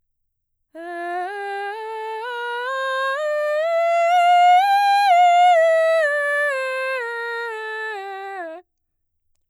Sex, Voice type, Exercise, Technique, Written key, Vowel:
female, mezzo-soprano, scales, slow/legato forte, F major, e